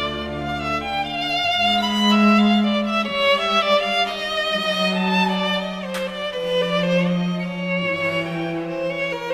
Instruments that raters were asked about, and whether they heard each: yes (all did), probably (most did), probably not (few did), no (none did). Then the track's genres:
violin: yes
mallet percussion: no
cymbals: no
synthesizer: no
Classical